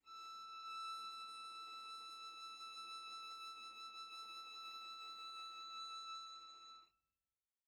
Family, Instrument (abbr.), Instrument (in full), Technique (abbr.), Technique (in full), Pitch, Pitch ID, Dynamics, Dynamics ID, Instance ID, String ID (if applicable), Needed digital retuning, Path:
Strings, Va, Viola, ord, ordinario, E6, 88, pp, 0, 0, 1, FALSE, Strings/Viola/ordinario/Va-ord-E6-pp-1c-N.wav